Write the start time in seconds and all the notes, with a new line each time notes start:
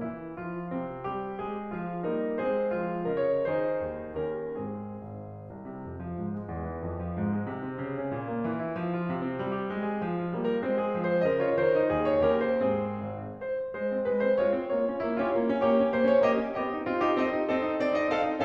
0.01 E3 E4
0.39 F3 F4
0.73 C3 C4
1.10 G3 G4
1.42 G#3 G#4
1.74 F3 F4
2.04 G3 A#3 D#4 A#4
2.35 G#3 C4 G#4 C5
2.65 F3 F4
3.05 C#3 A#4 D#5
3.24 C#5
3.45 D#3 D#4 G#4 C5
3.76 D#2
4.12 D#2 C#4 G4 A#4
4.51 G#2 C4 G#4
4.93 G#1
5.51 C2
5.68 C3
5.83 F2
5.98 F3
6.15 G#2
6.31 G#3
6.47 E2
6.68 E3
6.86 F2
7.01 F3
7.17 G#2
7.35 G#3
7.51 C3
7.66 C4
7.82 C#3
7.97 C#4
8.11 A#2
8.25 A#3
8.38 E3
8.56 E4
8.76 F3
8.91 F4
9.08 C3
9.27 C4
9.40 G3
9.57 G4
9.71 G#3
9.86 G#4
10.04 F3
10.20 F4
10.35 G3 A#3
10.50 A#4
10.64 G#3 C4 C5
10.79 G#4
10.97 F3
11.12 C5
11.28 C#3 A#4 D#5
11.43 F4 C#5
11.59 D#3 C5
11.77 D#4
11.93 D#2 G#4
12.10 C#5
12.31 D#2 C#4 G4 A#4
12.46 C5
12.61 G#2 C4 G#4
13.01 G#1
13.36 C5
13.73 G#3 C5
13.87 C4
14.04 G#3 B4
14.22 C4 C5
14.37 G#3 F4 C#5
14.52 C4
14.72 A#3 F4 C#5
14.88 C#4
15.04 A#3 E4
15.19 C#4 F4
15.32 A#3 G4 C#5
15.46 C#4
15.66 A#3 G4 C#5
15.77 C#4
15.95 A#3 C5
16.11 C#4 C#5
16.25 A#3 G4 D#5
16.40 C#4
16.61 C4 G4 D#5
16.74 D#4
16.85 C4 F4
17.03 D#4 G4
17.19 C4 A4 D#5
17.33 D#4
17.49 C4 A4 D#5
17.64 D#4
17.79 C4 D5
17.94 D#4 D#5
18.11 C4 A4 F5
18.31 D#4